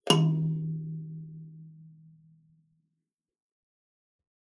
<region> pitch_keycenter=51 lokey=51 hikey=52 tune=-38 volume=0.283634 offset=3229 ampeg_attack=0.004000 ampeg_release=15.000000 sample=Idiophones/Plucked Idiophones/Kalimba, Tanzania/MBira3_pluck_Main_D#2_k14_50_100_rr2.wav